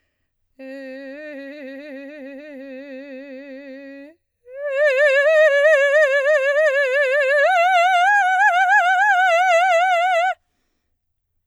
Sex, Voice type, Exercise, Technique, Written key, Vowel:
female, soprano, long tones, trill (upper semitone), , e